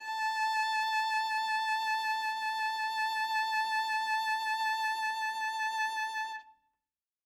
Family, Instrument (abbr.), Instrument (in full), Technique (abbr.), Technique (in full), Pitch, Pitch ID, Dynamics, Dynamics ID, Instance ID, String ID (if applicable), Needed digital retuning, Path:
Strings, Va, Viola, ord, ordinario, A5, 81, ff, 4, 0, 1, FALSE, Strings/Viola/ordinario/Va-ord-A5-ff-1c-N.wav